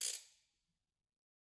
<region> pitch_keycenter=63 lokey=63 hikey=63 volume=12.474019 offset=188 seq_position=2 seq_length=2 ampeg_attack=0.004000 ampeg_release=1.000000 sample=Idiophones/Struck Idiophones/Ratchet/Ratchet2_Crank_v1_rr2_Mid.wav